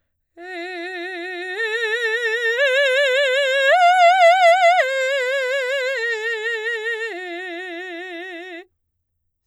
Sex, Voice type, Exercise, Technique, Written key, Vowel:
female, soprano, arpeggios, slow/legato forte, F major, e